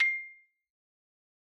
<region> pitch_keycenter=84 lokey=82 hikey=87 volume=0.954947 lovel=84 hivel=127 ampeg_attack=0.004000 ampeg_release=15.000000 sample=Idiophones/Struck Idiophones/Xylophone/Soft Mallets/Xylo_Soft_C6_ff_01_far.wav